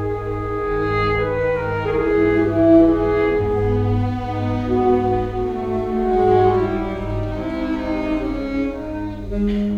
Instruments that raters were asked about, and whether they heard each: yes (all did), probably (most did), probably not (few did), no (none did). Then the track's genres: cello: yes
clarinet: yes
Classical